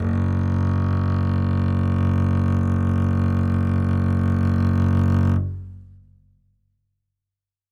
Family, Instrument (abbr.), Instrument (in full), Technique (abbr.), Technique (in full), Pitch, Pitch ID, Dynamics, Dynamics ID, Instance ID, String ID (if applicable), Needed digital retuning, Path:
Strings, Cb, Contrabass, ord, ordinario, F#1, 30, ff, 4, 3, 4, FALSE, Strings/Contrabass/ordinario/Cb-ord-F#1-ff-4c-N.wav